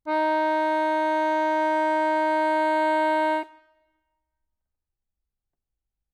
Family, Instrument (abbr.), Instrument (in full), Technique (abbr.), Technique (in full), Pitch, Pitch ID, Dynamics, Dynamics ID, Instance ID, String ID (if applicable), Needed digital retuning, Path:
Keyboards, Acc, Accordion, ord, ordinario, D#4, 63, ff, 4, 1, , FALSE, Keyboards/Accordion/ordinario/Acc-ord-D#4-ff-alt1-N.wav